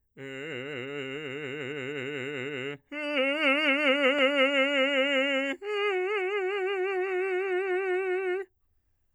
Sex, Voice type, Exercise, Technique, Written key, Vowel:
male, bass, long tones, trill (upper semitone), , e